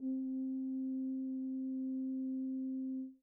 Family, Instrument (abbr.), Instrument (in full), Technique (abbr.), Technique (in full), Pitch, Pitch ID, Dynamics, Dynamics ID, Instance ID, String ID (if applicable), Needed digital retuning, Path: Brass, BTb, Bass Tuba, ord, ordinario, C4, 60, pp, 0, 0, , FALSE, Brass/Bass_Tuba/ordinario/BTb-ord-C4-pp-N-N.wav